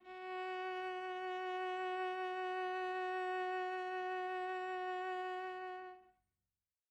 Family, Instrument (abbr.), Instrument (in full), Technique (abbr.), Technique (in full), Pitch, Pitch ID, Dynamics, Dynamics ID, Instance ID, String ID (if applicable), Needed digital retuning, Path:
Strings, Va, Viola, ord, ordinario, F#4, 66, mf, 2, 1, 2, FALSE, Strings/Viola/ordinario/Va-ord-F#4-mf-2c-N.wav